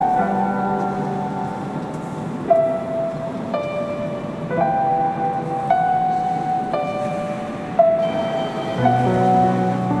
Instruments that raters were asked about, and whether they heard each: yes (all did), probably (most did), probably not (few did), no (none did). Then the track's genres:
flute: no
mallet percussion: no
Electronic; Ambient; Instrumental